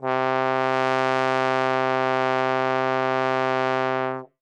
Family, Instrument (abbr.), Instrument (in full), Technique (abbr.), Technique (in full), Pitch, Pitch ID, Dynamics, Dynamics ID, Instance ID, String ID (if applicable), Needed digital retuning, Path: Brass, Tbn, Trombone, ord, ordinario, C3, 48, ff, 4, 0, , TRUE, Brass/Trombone/ordinario/Tbn-ord-C3-ff-N-T25d.wav